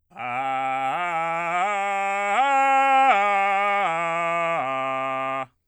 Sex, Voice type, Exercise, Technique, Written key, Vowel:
male, bass, arpeggios, belt, , a